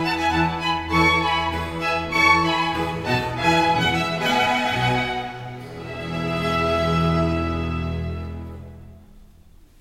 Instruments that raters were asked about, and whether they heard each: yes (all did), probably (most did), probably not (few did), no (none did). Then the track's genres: cymbals: no
banjo: no
violin: yes
Classical